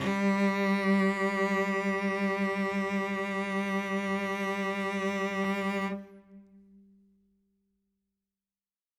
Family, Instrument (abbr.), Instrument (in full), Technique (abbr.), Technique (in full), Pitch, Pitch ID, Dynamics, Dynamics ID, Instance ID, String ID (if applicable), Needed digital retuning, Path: Strings, Vc, Cello, ord, ordinario, G3, 55, ff, 4, 1, 2, FALSE, Strings/Violoncello/ordinario/Vc-ord-G3-ff-2c-N.wav